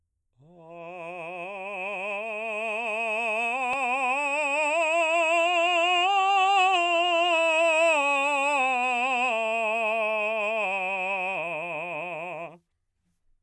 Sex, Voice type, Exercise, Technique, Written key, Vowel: male, baritone, scales, slow/legato forte, F major, a